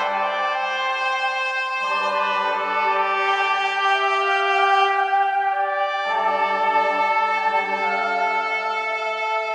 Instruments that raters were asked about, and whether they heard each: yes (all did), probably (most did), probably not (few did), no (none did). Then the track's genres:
trombone: probably
trumpet: yes
Ambient